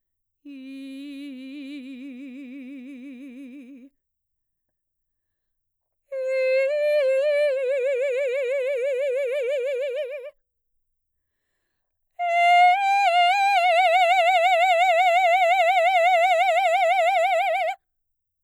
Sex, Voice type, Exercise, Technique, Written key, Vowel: female, mezzo-soprano, long tones, trill (upper semitone), , i